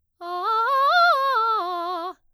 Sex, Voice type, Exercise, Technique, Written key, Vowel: female, soprano, arpeggios, fast/articulated piano, F major, a